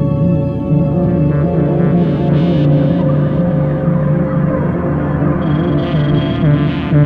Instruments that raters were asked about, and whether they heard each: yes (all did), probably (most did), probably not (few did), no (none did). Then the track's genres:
saxophone: no
clarinet: no
bass: no
Electronic; Ambient